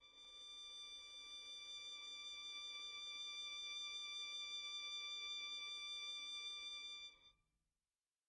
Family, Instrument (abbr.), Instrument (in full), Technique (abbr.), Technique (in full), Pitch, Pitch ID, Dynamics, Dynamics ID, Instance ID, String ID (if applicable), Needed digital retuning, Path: Strings, Vn, Violin, ord, ordinario, D6, 86, pp, 0, 0, 1, FALSE, Strings/Violin/ordinario/Vn-ord-D6-pp-1c-N.wav